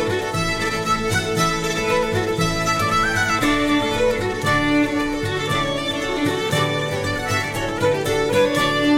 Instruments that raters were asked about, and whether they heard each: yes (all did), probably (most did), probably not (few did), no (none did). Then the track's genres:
mandolin: probably not
banjo: probably
violin: yes
accordion: probably not
Celtic